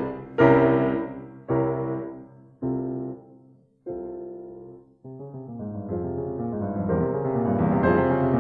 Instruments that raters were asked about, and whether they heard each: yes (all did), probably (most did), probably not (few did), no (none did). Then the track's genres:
piano: yes
trombone: no
trumpet: no
clarinet: no
Classical